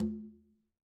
<region> pitch_keycenter=63 lokey=63 hikey=63 volume=22.701103 lovel=66 hivel=99 seq_position=2 seq_length=2 ampeg_attack=0.004000 ampeg_release=15.000000 sample=Membranophones/Struck Membranophones/Conga/Quinto_HitN_v2_rr2_Sum.wav